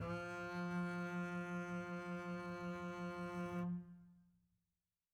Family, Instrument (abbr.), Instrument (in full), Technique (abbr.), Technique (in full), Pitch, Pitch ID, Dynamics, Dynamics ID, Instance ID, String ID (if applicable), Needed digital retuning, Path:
Strings, Cb, Contrabass, ord, ordinario, F3, 53, mf, 2, 1, 2, FALSE, Strings/Contrabass/ordinario/Cb-ord-F3-mf-2c-N.wav